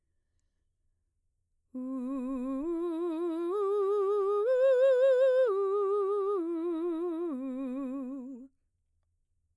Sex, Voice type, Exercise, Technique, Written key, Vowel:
female, mezzo-soprano, arpeggios, slow/legato piano, C major, u